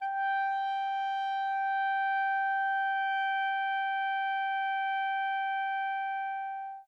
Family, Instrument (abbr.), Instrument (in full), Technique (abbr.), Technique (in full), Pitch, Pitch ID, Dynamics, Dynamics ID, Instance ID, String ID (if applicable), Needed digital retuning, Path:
Winds, ClBb, Clarinet in Bb, ord, ordinario, G5, 79, mf, 2, 0, , FALSE, Winds/Clarinet_Bb/ordinario/ClBb-ord-G5-mf-N-N.wav